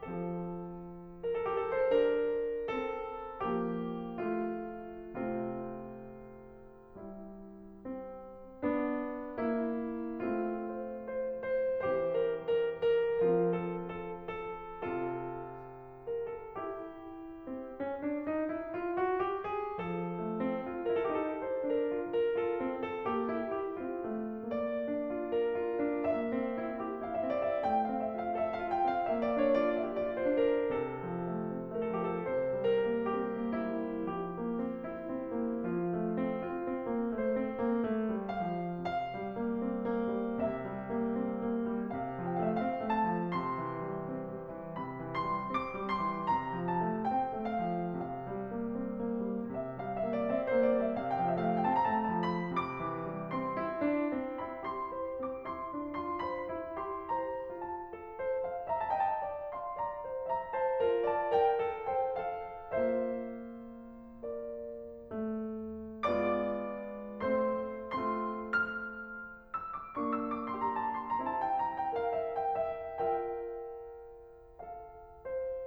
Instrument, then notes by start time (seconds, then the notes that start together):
piano
0.00 F3 C4 A4
1.21 A#4
1.34 A4
1.47 G4
1.63 A4
1.81 D4 C5
1.99 A#4
2.51 C4 A4
3.46 F3 A#3 G4
4.18 A3 F4
5.18 C3 A3 F4
6.98 G3 E4
7.84 C4
8.65 B3 D4
9.42 A#3 E4
10.23 A3 C4 F4
10.69 C5
11.08 C5
11.48 C5
11.84 E3 C4 G4 C5
12.18 A#4
12.60 A#4
12.88 A#4
13.19 F3 C4 F4 A#4
13.48 A4
13.92 A4
14.35 A4
14.80 C3 C4 F4
16.08 A#4
16.27 A4
16.54 E4 G4
17.46 C4
17.81 C#4
18.04 D4
18.23 D#4
18.46 E4
18.68 F4
18.95 F#4
19.21 G4
19.52 G#4
19.80 F3
20.12 A3
20.42 C4
20.64 F4
20.87 E4
20.97 A#4
21.11 A4
21.16 D#4
21.21 G4
21.34 A4
21.41 C5
21.65 D4 A#4
21.94 F4
22.13 A#4
22.36 F4 A4
22.63 C4
22.81 A4
23.05 A#3 G4
23.31 E4
23.55 G4
23.82 C4 F4
24.08 A3
24.54 A#3 D5
24.85 D4
25.08 F4
25.34 A#4
25.60 F4
25.80 D4
26.08 A#3
26.34 C4
26.58 E4
26.81 G4
27.02 E4
27.12 F5
27.18 C4 E5
27.28 D5
27.43 E5
27.69 A3 G5
27.85 F5
27.92 C4
28.05 E5
28.19 F4
28.24 F5
28.37 A4 E5
28.54 F5
28.60 F4
28.77 G5
28.90 C4
28.94 F5
29.07 A#3 E5
29.27 D5
29.38 D4
29.48 C#5
29.62 F4
29.70 D5
29.90 G4 E5
30.04 D5
30.08 F4
30.21 C5
30.28 D4
30.35 A#4
30.70 C3 A4
31.08 F3
31.31 A3
31.57 C4
31.76 A3
31.89 A#4
31.96 F3 A4
32.04 G4
32.14 A4
32.25 C3 C5
32.50 G3
32.65 A#4
32.80 A#3
33.05 C4 G4
33.25 A#3
33.49 E4
33.59 G3
34.11 F3 G4
34.35 A#3
34.62 C4
34.86 E4
35.07 C4
35.35 A#3
35.74 F3 F4
35.96 A3
36.19 C4
36.46 F4
36.68 C4
36.87 A#3
37.14 A3 C5
37.40 C4
37.62 A#3
37.89 A3
38.17 G3
38.29 F5
38.46 F3
38.81 C3 F5
39.15 G3
39.37 A#3
39.61 C4
39.83 A#3
40.21 G3
40.44 C3 E5
40.76 G3
40.97 A#3
41.18 C4
41.38 A#3
41.74 G3
41.96 C3 F5
42.21 F3
42.32 G5
42.39 A3 F5
42.48 E5
42.59 C4 F5
42.82 A3
42.92 A5
43.13 F3
43.36 A#2 C6
43.62 E3
43.87 G3
44.07 C4
44.26 G3
44.49 E3
44.78 A#2 B5
45.04 E3
45.14 C6
45.23 G3
45.45 C4 D6
45.77 G3
45.89 C6
46.05 E3
46.32 C3 A#5
46.56 F3
46.72 A5
46.81 A3
47.07 C4 G5
47.33 A3
47.50 F5
47.79 F3
48.03 C3 F5
48.31 G3
48.58 A#3
48.89 C4
49.08 A#3
49.32 G3
49.55 C3 E5
49.75 F5
49.83 G3
49.99 E5
50.12 A#3
50.17 D5
50.33 C4 E5
50.49 C5
50.54 A#3
50.63 D5
50.74 G3
50.79 E5
50.96 C3 F5
51.10 G5
51.14 F3 F5
51.22 E5
51.28 F5
51.37 A3
51.43 G5
51.61 C4 A5
51.79 A#5
51.84 A3 A5
51.97 G5
52.02 A5
52.20 F3
52.26 B5
52.47 C3 D6
52.80 E3
53.10 G3
53.34 C4 C6
53.56 E4
53.85 D4
54.11 C4
54.38 E4 B5
54.62 G4 C6
54.89 C5
55.25 C4 D6
55.46 E4 C6
55.74 D4
55.96 F4 C6
56.26 C5 B5
56.53 E4
56.75 G4 C6
57.12 C5 A#5
57.60 F4 A5
57.88 A4
58.22 C5
58.48 F5
58.67 E5
58.77 A#5
58.91 D#5 A5
59.00 G5
59.07 A5
59.20 D5
59.61 F5 C6
59.83 D5 A#5
60.02 C5
60.33 E5 A#5
60.52 C5 A5
60.85 F4 A#4
61.08 D5 A5
61.39 A#4 G5
61.61 A4
61.94 C5 G5
62.29 A4 F5
62.74 A#3 F4 C5 E5
64.35 A#4 D5
65.02 A3
66.12 G#3 B3 F4 D5 D6
67.29 A3 C4 C5 C6
67.88 A3 C4 F4 C6
68.28 F6
68.97 E6
69.13 D6
69.97 A#3 D4 C#6
70.16 E6
70.31 D6
70.48 C6
70.62 G4 A#5
70.86 A5
71.00 C6
71.12 A#5
71.26 C4 E4 A5
71.42 G5
71.65 A#5
71.82 G5
72.02 A#4 F5
72.16 E5
72.41 G5
72.57 E5
72.77 F4 A#4 E5 G5
74.58 A4 F5
75.27 C5